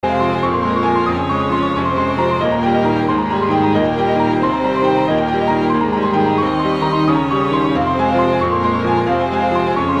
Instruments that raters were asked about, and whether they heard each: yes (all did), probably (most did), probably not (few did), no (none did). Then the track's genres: drums: probably not
cello: probably
violin: probably not
Easy Listening; Soundtrack; Instrumental